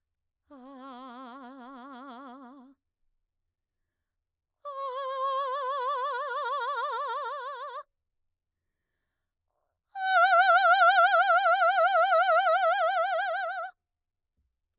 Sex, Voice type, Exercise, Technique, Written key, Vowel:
female, mezzo-soprano, long tones, trillo (goat tone), , a